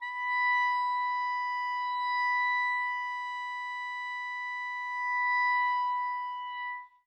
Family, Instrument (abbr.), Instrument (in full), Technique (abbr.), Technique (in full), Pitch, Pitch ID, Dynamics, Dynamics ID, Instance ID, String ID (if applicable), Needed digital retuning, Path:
Winds, ClBb, Clarinet in Bb, ord, ordinario, B5, 83, mf, 2, 0, , FALSE, Winds/Clarinet_Bb/ordinario/ClBb-ord-B5-mf-N-N.wav